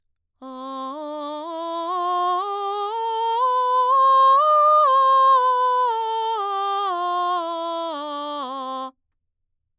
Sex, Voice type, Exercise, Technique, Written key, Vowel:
female, mezzo-soprano, scales, slow/legato forte, C major, a